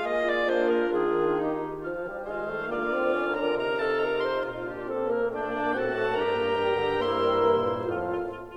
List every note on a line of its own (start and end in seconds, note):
0.00 0.89 A#3
0.00 0.45 F4
0.00 0.89 G#4
0.00 0.22 D#5
0.22 0.45 D5
0.45 0.89 A#3
0.45 0.67 D4
0.45 0.67 C5
0.67 0.89 A#4
0.89 1.32 D#3
0.89 1.81 D#3
0.89 1.32 D4
0.89 1.32 F4
0.89 1.32 G#4
1.32 1.81 D#4
1.32 1.81 G4
1.81 2.05 F3
1.81 2.28 F4
1.81 2.28 F5
2.05 2.28 G3
2.28 2.52 D#3
2.28 2.52 G#3
2.28 2.73 F4
2.28 2.73 C5
2.28 2.73 F5
2.52 2.73 A3
2.73 2.93 D3
2.73 2.93 A#3
2.73 3.37 F4
2.73 3.37 D5
2.73 3.37 F5
2.93 3.15 C4
3.15 3.37 C#4
3.37 3.59 D4
3.37 3.59 A#4
3.37 3.59 A#5
3.59 4.50 C3
3.59 4.71 D#4
3.59 3.78 A#4
3.59 3.78 F5
3.59 3.78 A#5
3.78 4.03 A4
3.78 4.03 A5
4.03 4.25 A#4
4.03 4.25 A#5
4.25 4.50 C5
4.25 4.50 C6
4.50 4.71 A#2
4.50 4.71 F4
4.50 4.92 F5
4.71 4.92 D4
4.71 4.92 G4
4.92 5.11 C4
4.92 5.11 A4
5.11 5.29 A#3
5.11 5.29 A#4
5.29 5.55 A3
5.29 5.72 D4
5.29 5.72 D5
5.29 5.72 G5
5.55 5.72 A#3
5.72 5.89 A2
5.72 5.89 C4
5.72 6.12 F#4
5.72 6.12 A4
5.72 6.12 F#5
5.72 6.12 A5
5.89 6.12 A3
6.12 6.29 G2
6.12 6.29 D4
6.12 7.01 G4
6.12 7.01 A#4
6.12 7.01 G5
6.12 7.01 A#5
6.29 6.55 A#3
6.55 6.79 G3
6.79 7.01 D3
7.01 7.27 A#3
7.01 7.89 A#3
7.01 7.89 E4
7.01 7.89 A#4
7.01 7.89 C5
7.01 7.89 E5
7.01 7.89 C6
7.27 7.49 G3
7.49 7.70 E3
7.70 7.89 A#2
7.89 8.36 F2
7.89 8.36 A2
7.89 8.12 F4
7.89 8.36 F4
7.89 8.12 A4
7.89 8.36 F5
8.12 8.36 F4
8.36 8.57 F4